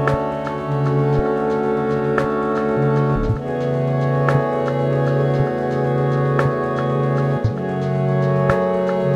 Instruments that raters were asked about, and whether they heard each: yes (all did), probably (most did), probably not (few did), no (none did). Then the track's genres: trumpet: no
trombone: no
Electronic; Soundtrack; IDM; Trip-Hop; Instrumental